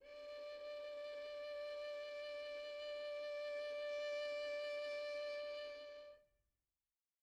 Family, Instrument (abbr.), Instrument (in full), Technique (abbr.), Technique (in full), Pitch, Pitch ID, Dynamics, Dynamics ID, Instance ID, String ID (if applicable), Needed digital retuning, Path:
Strings, Vn, Violin, ord, ordinario, D5, 74, pp, 0, 3, 4, FALSE, Strings/Violin/ordinario/Vn-ord-D5-pp-4c-N.wav